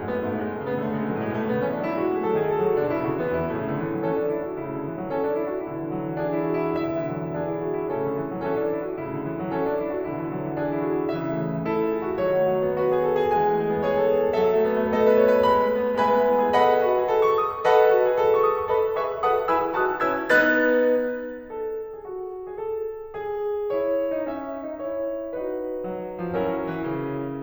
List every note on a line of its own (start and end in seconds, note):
0.00 0.13 F#2
0.00 0.13 A3
0.13 0.26 G#2
0.13 0.26 B3
0.27 0.44 A2
0.27 0.44 A3
0.44 0.58 B2
0.44 0.58 G#3
0.60 0.71 C#3
0.60 0.71 A3
0.71 0.89 D3
0.71 0.89 B3
0.91 1.02 C#3
0.91 1.02 A3
1.02 1.15 B2
1.02 1.15 G#3
1.15 1.25 A2
1.15 1.25 F#3
1.27 1.42 B2
1.27 1.42 G#3
1.42 1.53 C#3
1.42 1.53 A3
1.54 1.66 D3
1.54 1.66 B3
1.66 1.78 E3
1.66 1.78 C#4
1.79 1.89 F#3
1.79 1.89 D4
1.89 2.04 G#3
1.89 2.04 E4
2.04 2.15 A3
2.04 2.15 F#4
2.16 2.28 F#3
2.16 2.28 G#4
2.28 2.45 D#3
2.28 2.45 A4
2.46 2.59 E3
2.46 2.59 G#4
2.59 2.71 F#3
2.59 2.71 A4
2.73 2.82 D3
2.73 2.82 F#4
2.82 2.95 B2
2.82 2.95 D4
2.95 3.08 C#3
2.95 3.08 E4
3.11 3.22 D3
3.11 3.22 F#4
3.22 3.40 E3
3.22 3.40 B3
3.41 3.53 E2
3.41 3.53 E4
3.53 4.01 A2
3.53 3.66 C#3
3.53 3.78 A3
3.67 3.78 D3
3.78 3.89 E3
3.89 4.01 F#3
4.02 4.28 E3
4.02 4.14 C#4
4.02 4.85 A4
4.14 4.28 D4
4.31 4.46 E4
4.46 4.57 F#4
4.59 5.11 A2
4.59 4.70 C#3
4.59 4.85 E4
4.70 4.85 D3
4.85 4.97 E3
4.97 5.11 F#3
5.11 5.38 E3
5.11 5.26 C#4
5.11 5.94 A4
5.27 5.38 D4
5.38 5.51 E4
5.53 5.65 F#4
5.65 6.21 B2
5.65 5.82 D3
5.65 5.94 E4
5.82 5.94 E3
5.94 6.11 F#3
6.11 6.21 E3
6.22 6.56 E3
6.22 6.39 D4
6.22 6.86 G#4
6.39 6.56 E4
6.59 6.72 F#4
6.72 6.86 E4
6.86 7.38 B2
6.86 7.00 D3
6.86 7.38 E4
6.86 7.38 E5
7.00 7.15 E3
7.15 7.24 F#3
7.27 7.38 E3
7.38 7.95 E3
7.38 7.50 D4
7.38 7.95 G#4
7.51 7.63 E4
7.63 7.81 F#4
7.81 7.95 E4
7.95 8.44 A2
7.95 8.07 C#3
7.95 8.17 E4
7.95 8.17 A4
8.07 8.17 D3
8.19 8.29 E3
8.29 8.44 F#3
8.45 8.72 E3
8.45 8.57 C#4
8.45 9.26 A4
8.57 8.72 D4
8.73 8.86 E4
8.86 8.97 F#4
8.97 9.50 A2
8.97 9.09 C#3
8.97 9.26 E4
9.10 9.26 D3
9.26 9.37 E3
9.38 9.50 F#3
9.50 9.76 E3
9.50 9.60 C#4
9.50 10.36 A4
9.65 9.76 D4
9.76 9.89 E4
9.89 10.08 F#4
10.09 10.59 B2
10.09 10.25 D3
10.09 10.36 E4
10.25 10.36 E3
10.37 10.48 F#3
10.48 10.59 E3
10.61 10.88 E3
10.61 10.77 D4
10.61 11.15 G#4
10.77 10.88 E4
10.88 10.99 F#4
11.01 11.15 E4
11.15 11.75 C#3
11.15 11.33 E3
11.15 11.75 E4
11.15 11.75 E5
11.35 11.47 A3
11.47 11.61 E3
11.62 11.75 A3
11.75 11.90 E4
11.75 12.23 A4
11.90 12.02 F#4
12.03 12.13 G#4
12.13 12.23 F#4
12.26 12.77 D3
12.26 12.38 F#3
12.26 12.77 F#4
12.26 12.77 C#5
12.38 12.47 A3
12.47 12.57 F#3
12.57 12.77 B3
12.77 12.91 F#4
12.77 13.37 B4
12.92 13.14 G#4
13.14 13.25 A4
13.26 13.37 G#4
13.37 13.85 E3
13.37 13.51 G#3
13.37 13.85 G#5
13.53 13.62 A3
13.62 13.73 G#3
13.73 13.85 B3
13.86 13.96 G#4
13.86 14.32 C#5
13.96 14.06 A4
14.08 14.19 B4
14.19 14.32 A4
14.35 14.88 F#3
14.35 14.47 A3
14.35 14.88 A4
14.35 14.88 E5
14.47 14.59 B3
14.59 14.76 A3
14.77 14.88 B3
14.88 15.03 A4
14.88 15.44 D#5
15.05 15.15 B4
15.15 15.28 C#5
15.29 15.44 B4
15.44 15.57 G#3
15.44 16.00 B5
15.57 15.72 A3
15.73 15.88 B3
15.88 16.00 A3
16.02 16.17 G#3
16.02 16.56 B4
16.02 16.56 E5
16.02 16.56 G#5
16.02 16.56 B5
16.17 16.30 B3
16.31 16.43 E4
16.43 16.56 G#4
16.56 16.71 A4
16.56 17.66 B4
16.56 17.33 D#5
16.56 17.33 F#5
16.56 17.21 B5
16.72 16.83 G#4
16.83 16.94 F#4
16.95 17.11 G#4
17.11 17.66 A4
17.23 17.33 C#6
17.33 17.46 D#6
17.46 17.66 C#6
17.67 17.79 A4
17.67 18.69 B4
17.67 18.48 D#5
17.67 18.48 F#5
17.67 18.37 B5
17.79 17.89 G#4
17.91 18.07 F#4
18.07 18.20 G#4
18.22 18.69 A4
18.37 18.48 C#6
18.48 18.58 D#6
18.59 18.69 C#6
18.69 18.97 A4
18.69 18.97 B4
18.69 18.97 D#5
18.69 18.97 B5
18.97 19.23 G#4
18.97 19.23 B4
18.97 19.23 E5
18.97 19.23 C#6
19.24 19.48 F#4
19.24 19.48 A4
19.24 19.48 B4
19.24 19.48 F#5
19.24 19.48 A5
19.24 19.48 D#6
19.48 19.81 E4
19.48 19.81 G#4
19.48 19.81 B4
19.48 19.81 G#5
19.48 19.81 B5
19.48 19.81 E6
19.81 20.07 D#4
19.81 20.07 F#4
19.81 20.07 B4
19.81 20.07 D#6
19.81 20.07 F#6
20.07 20.32 C#4
20.07 20.32 E4
20.07 20.32 B4
20.07 20.32 E6
20.07 20.32 G#6
20.33 20.90 B3
20.33 20.90 D#4
20.33 20.90 B4
20.33 20.90 F#6
20.33 20.90 A6
21.52 21.97 A4
21.97 22.07 G#4
22.07 22.45 F#4
22.47 22.58 G#4
22.58 23.15 A4
23.16 23.72 G#4
23.73 24.08 E4
23.73 24.28 C#5
24.09 24.28 D#4
24.28 24.66 C#4
24.28 24.83 E5
24.67 24.83 D#4
24.83 25.32 E4
24.83 25.32 G#4
24.83 25.32 C#5
25.33 26.40 D#4
25.33 26.40 F#4
25.33 26.40 B4
25.90 26.25 F#3
26.27 26.40 F3
26.40 26.78 F#3
26.40 27.42 C#4
26.40 27.42 E4
26.40 27.42 A#4
26.78 26.90 E3
26.90 27.42 C#3